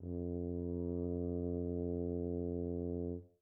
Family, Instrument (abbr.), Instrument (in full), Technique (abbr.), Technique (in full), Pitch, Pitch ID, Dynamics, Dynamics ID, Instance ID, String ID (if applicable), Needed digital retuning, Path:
Brass, BTb, Bass Tuba, ord, ordinario, F2, 41, mf, 2, 0, , TRUE, Brass/Bass_Tuba/ordinario/BTb-ord-F2-mf-N-T24u.wav